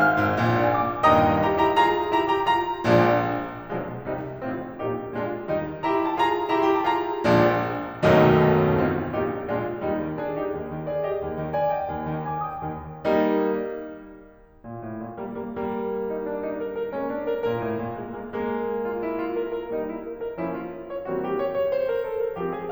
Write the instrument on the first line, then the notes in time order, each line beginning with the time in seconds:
piano
0.00 F6
0.16 G#1 G#2
0.34 A#1 A#2
0.44 D5
0.52 F5
0.63 G#5
0.74 D6
0.91 A#1 A#2
1.04 D#2 G2 A#2 D#3 D#5 G5 A#5 D#6
1.50 E4 G4 A#5
1.66 E4 G4 A#5
1.82 F4 G#4 A#5
2.15 E4 G4 A#5
2.33 E4 G4 A#5
2.51 F4 G#4 A#5
2.87 A#1 A#2 F3 G#3 D4
3.62 B1 B2 F3 G#3 D4
3.99 C2 C3 D#3 G3 D#4
4.35 A1 A2 C4 D#4 F4
4.76 A#1 A#2 A#3 D#4 G4
5.11 A#1 A#2 G#3 F4
5.49 D#2 D#3 G3 D#4
5.83 E4 G4 A#5
5.92 C6
6.00 E4 G4 A#5
6.10 A5
6.20 F4 G#4 A#5
6.57 E4 G4 A#5
6.69 C6
6.77 E4 G4 A#5
6.85 A5
6.93 F4 G#4 A#5
7.24 A#1 A#2 F3 G#3 D4
8.05 B1 D#2 F#2 B2 D#3 F#3 A3 D#4
8.84 A1 A2 C4 D#4 F4
9.20 A#1 A#2 A#3 D#4 G4
9.53 A#1 A#2 G#3 D4 F4
9.86 D#2 G3 D#4
10.04 D#3
10.18 D4 G#4
10.39 D#4 G4
10.55 D#2
10.73 D#3
10.89 G#4 D5
11.05 G4 D#5
11.23 D#2
11.37 D#3
11.54 D5 G#5
11.71 D#5 G5
11.89 D#2
12.10 D#3
12.29 G#5 D6
12.45 G5 D#6
12.67 D#2
13.01 G3 A#3 D#4
14.65 A#2
14.84 A2
15.03 A#2
15.20 G3 A#3
15.39 G3 A#3
15.59 G3 A#3
16.11 D#4
16.30 D4
16.44 D#4
16.61 A#4
16.76 A#4
16.93 G#3 A#3 C#4
17.09 D4
17.29 A#4
17.47 A#2 A#4
17.66 A2
17.84 A#2
18.01 G#3 A#3
18.17 G#3 A#3
18.37 G#3 A#3
18.82 F4
19.04 E4
19.19 F4
19.35 A#4
19.53 A#4
19.71 G3 A#3 D#4
19.89 E4
20.06 A#4
20.22 A#4
20.38 F3 A#3 C#4 E4
20.57 F4
20.74 C#5
20.87 C#5
21.06 E3 G3 A#3 C4 F#4
21.22 G4
21.41 C#5
21.57 C#5
21.72 C5
21.90 A#4
22.04 A4
22.21 A#4
22.38 F3 G#3 C4 G4
22.56 G#4